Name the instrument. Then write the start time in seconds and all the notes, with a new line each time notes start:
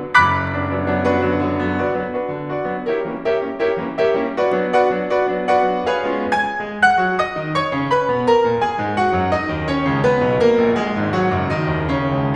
piano
0.00 F#1 F#2 B5 D6 F#6 B6
0.58 F#3 B3 D4
0.81 F#3 B3 D4
0.93 F#3 B3 D4
1.14 D4 F#4 B4
1.34 D3 F#3 B3
1.52 D3 F#3 B3
1.66 D3 F#3 B3
1.82 F4 G#4 B4 D5
2.04 E3 A3 B3 D4
2.19 D4 F4 G#4 B4
2.35 D3 E3 A3 B3
2.55 F4 G#4 B4 D5
2.73 E3 A3 B3 D4
2.87 E4 G4 A#4 C#5
3.04 E3 G3 A#3 C#4
3.24 G4 A#4 C#5 E5
3.46 G3 A#3 C#4 E4
3.67 E4 G4 A#4 C#5
3.83 E3 G3 A#3 C#4
4.01 G4 A#4 C#5 E5
4.24 G3 A#3 C#4 E4
4.40 F#4 B4 D5
4.59 F#3 B3 D4
4.77 F#4 B4 D5 F#5
4.95 F#3 B3 D4
5.17 F#4 B4 D5
5.29 F#3 B3 D4
5.47 F#4 B4 D5 F#5
5.72 F#3 B3 D4
5.87 G#4 B4 C#5 F5
6.04 G#3 B3 C#4 F4
6.23 G#5 G#6
6.49 G#3 G#4
6.75 F#5 F#6
7.01 F#3 F#4
7.17 D#5 D#6
7.34 D#3 D#4
7.55 C#5 C#6
7.71 C#3 C#4
7.94 B4 B5
8.14 B2 B3
8.28 A#4 A#5
8.43 A#2 A#3
8.60 G#4 G#5
8.80 G#2 G#3
8.99 F#4 F#5
9.15 F#2 F#3
9.33 D#4 D#5
9.54 D#2 D#3
9.67 C#4 C#5
9.82 C#2 C#3
10.00 B3 B4
10.25 B1 B2
10.44 A#3 A#4
10.67 A#1 A#2
10.81 G#3 G#4
10.99 G#1 G#2
11.12 F#3 F#4
11.30 F#1 F#2
11.47 D#3 D#4
11.64 D#2
11.99 C#3 C#4
12.13 C#2